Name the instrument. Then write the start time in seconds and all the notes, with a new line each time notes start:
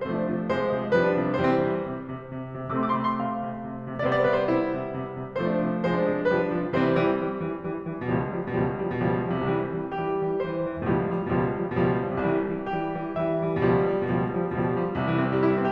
piano
0.01 C3 F3 A3 C5
0.15 D4
0.26 C3
0.51 C3 F3 G#3 C5
0.63 D4
0.75 C3
1.02 C3 F3 G3 B4
1.11 D4
1.21 C3
1.45 C3 E3 G3 C5
1.56 C4
1.64 C3
1.88 C3
2.08 C3
2.28 C3
2.49 C3
2.69 C3 A3 C4 C6
2.75 D6
2.80 C6
2.85 D6
2.99 C3 C6
3.04 D6
3.09 B5
3.16 C6
3.21 C3 F5
3.43 C3
3.65 C3
3.84 C3
4.07 C3 G3 B3 C5
4.13 D5
4.17 C5
4.23 D5
4.29 C3 C5
4.35 D5
4.41 B4
4.46 C5
4.52 C3 E4
4.74 C3
4.96 C3
5.18 C3
5.39 C3 F3 A3 C5
5.51 D4
5.61 C3
5.82 C3 F3 G#3 C5
5.93 D4
6.05 C3
6.26 C3 F3 G3 B4
6.38 D4
6.52 C3
6.76 C3 E3 G3 C4 C5
6.97 E3 G3
7.20 E3 G3
7.39 E3 G3
7.59 E3 G3
7.83 E3 G3
8.05 B2 F3 G3
8.16 C#2
8.25 F3 G3
8.50 B2 F3 G3
8.67 C#2
8.78 F3 G3
9.00 B2 F3 G3
9.13 C#2
9.25 F3 G3
9.47 C3 E3 G3
9.55 C2
9.67 E3 G3
9.86 E3 G3 G4
10.11 E3 G3
10.35 E3 G3 C5
10.57 E3 G3
10.79 B2 F3 G3
10.90 C#2
11.04 F3 G3
11.28 B2 F3 G3
11.43 C#2
11.55 F3 G3
11.81 B2 F3 G3
11.89 C#2
11.99 F3 G3
12.17 C3 E3 G3
12.29 C2
12.39 E3 G3
12.70 E3 G3 G4
12.96 E3 G3
13.18 E3 G3 E5
13.44 E3 G3
13.65 B2 F3 G3
13.74 C#2
13.82 F3 G3
14.07 B2 F3 G3
14.18 C#2
14.32 F3 G3
14.56 B2 F3 G3
14.69 C#2
14.82 F3 G3
15.02 C2 C3
15.15 E3
15.26 C4
15.39 G3
15.49 E4
15.60 C4